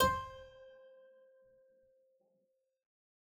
<region> pitch_keycenter=72 lokey=72 hikey=73 volume=3 trigger=attack ampeg_attack=0.004000 ampeg_release=0.350000 amp_veltrack=0 sample=Chordophones/Zithers/Harpsichord, English/Sustains/Lute/ZuckermannKitHarpsi_Lute_Sus_C4_rr1.wav